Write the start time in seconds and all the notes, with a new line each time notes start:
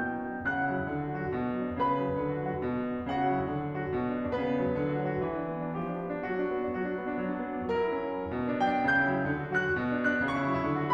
0.00 B2 G5 G6
0.16 D4
0.27 F#3
0.38 D4
0.51 C#3 F#5 F#6
0.62 E4
0.71 F#3
0.81 E4
0.91 D3
1.02 F#4
1.14 F#3
1.28 F#4
1.39 B2
1.49 D4
1.58 F#3
1.70 D4
1.80 C#3 B4 B5
1.90 E4
2.03 F#3
2.14 E4
2.24 D3
2.35 F#4
2.45 F#3
2.58 F#4
2.66 B2
2.77 D4
2.94 F#3
3.04 D4
3.17 C#3 F#4 F#5
3.30 E4
3.39 F#3
3.51 E4
3.60 D3
3.69 F#4
3.78 F#3
3.85 F#4
3.95 B2
4.03 D4
4.11 F#3
4.20 D4
4.35 C#3 B3 B4
4.52 E4
4.61 F#3
4.75 E4
4.85 D3
4.95 F#4
5.09 F#3
5.21 F#4
5.31 E3
5.40 D4
5.55 B3
5.65 D4
5.79 F3 G4
5.91 D4
6.01 B3
6.14 D4
6.25 F#3 F#4
6.39 D4
6.48 B3
6.62 D4
6.75 F#3 F#4
6.84 D4
6.93 B3
7.02 D4
7.17 F#3
7.35 D4
7.49 B3
7.60 D4
7.69 F#3 A#4
7.83 E4
8.02 C#4
8.14 E4
8.30 B2
8.41 D4
8.60 F#3 G5
8.72 D4
8.86 C#3 G6
9.00 E4
9.11 F#3
9.22 E4
9.30 D3
9.40 F#4
9.51 F#3 F#6
9.75 F#4
9.85 B2
9.96 D4
10.05 F#3 F#6
10.16 D4
10.26 C#3 C#6
10.38 E4
10.57 F#3
10.66 E4
10.74 D3
10.84 F#4